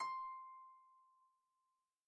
<region> pitch_keycenter=84 lokey=84 hikey=85 tune=-4 volume=17.482124 xfout_lovel=70 xfout_hivel=100 ampeg_attack=0.004000 ampeg_release=30.000000 sample=Chordophones/Composite Chordophones/Folk Harp/Harp_Normal_C5_v2_RR1.wav